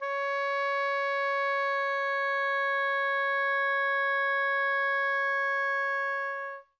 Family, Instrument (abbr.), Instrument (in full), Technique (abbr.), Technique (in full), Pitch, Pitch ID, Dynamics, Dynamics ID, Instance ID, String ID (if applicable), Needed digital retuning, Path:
Winds, Ob, Oboe, ord, ordinario, C#5, 73, mf, 2, 0, , FALSE, Winds/Oboe/ordinario/Ob-ord-C#5-mf-N-N.wav